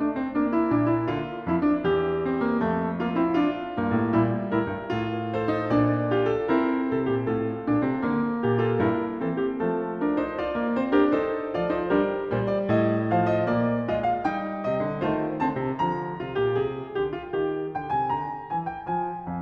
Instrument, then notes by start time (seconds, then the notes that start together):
piano
0.00 A3 D4
0.16 C4
0.36 A#3 D4
0.53 E4
0.73 A#2 D4
0.91 E4
1.07 D3 F4
1.50 F2 E4
1.65 D4
1.83 E2 G4
2.21 C4
2.38 A#3
2.60 F2 A3
3.02 A#3 F4
3.16 C4 E4
3.36 D4 F4
3.77 G2 A#3
3.96 A2
4.17 A#2 G3 E4
4.53 A2 E4 A#4
4.78 G2
4.95 A2 F4
5.35 A4 C5
5.51 D#4
5.69 A#2 D4 D5
6.15 F4 G4
6.32 A4
6.50 C4 E4 A#4
6.91 C3
7.09 A#2
7.29 A2 F4 A4
7.64 A#2 D4
7.80 C3 C4
8.02 D3 A#3
8.43 A#2 G4
8.61 F4 A4
8.77 G2 E4 A#4
9.18 E3 C4 A4
9.36 G4
9.53 F3 A3 A4
10.01 D4 A#4
10.16 D#4 C5
10.41 F4 D5
10.57 A#3
10.73 C4 C5
10.91 D4 G4 A#4
11.12 D#4 A4 C5
11.52 F3 F4 D5
11.69 D#4 C5
11.91 G3 D4 G4 A#4
12.42 A#2 G3 C5
12.55 D5
12.71 A2 D#5
13.12 F3 C5 F5
13.28 D#5
13.44 A#2 A#3 D5
13.89 G#3 F4 D#5
14.06 F5
14.25 G3 D#4 G5
14.64 C3 D#5
14.81 D3
15.00 D#3 A3 F4 C5
15.42 D3 C4 A5
15.58 C3
15.78 D3 F3 A#5
16.21 C3 F4
16.34 A#2 G4
16.59 C3 G#4
16.95 D3 G4
17.15 F4
17.30 D#3 G4
17.74 D3 G5
17.93 C3 G#5
18.08 D3 A#5
18.51 E3 G#5
18.65 G5
18.82 F3 G#5
19.25 F2 F5 G#5